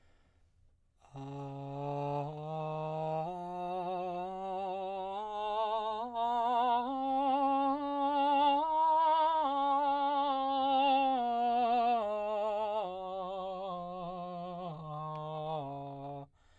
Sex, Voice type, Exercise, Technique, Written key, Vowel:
male, baritone, scales, slow/legato piano, C major, a